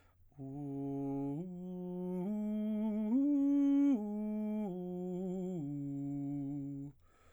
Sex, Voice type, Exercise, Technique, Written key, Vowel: male, baritone, arpeggios, slow/legato piano, C major, u